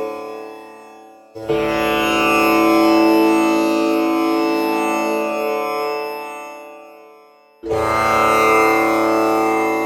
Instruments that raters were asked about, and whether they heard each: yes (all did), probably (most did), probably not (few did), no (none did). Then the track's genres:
accordion: probably not
Experimental; Ambient